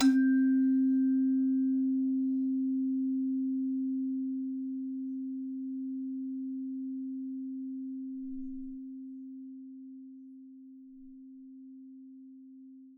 <region> pitch_keycenter=60 lokey=60 hikey=61 tune=-14 volume=10.770345 ampeg_attack=0.004000 ampeg_release=30.000000 sample=Idiophones/Struck Idiophones/Hand Chimes/sus_C3_r01_main.wav